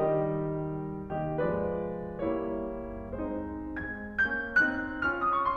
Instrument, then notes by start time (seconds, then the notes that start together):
piano
0.01 D#3 G3 G4 D#5
0.92 D#3 A#3 G4 D#5
1.20 F3 G#3 B4 D5
2.26 G3 A#3 E4 C#5
3.37 G#3 C4 D#4 C5
3.88 G#3 C4 G#6
4.26 A#3 C#4 G6
4.62 C4 D#4 F#6
4.99 C#4 F4 F6
5.15 D#6
5.30 C#6
5.43 C6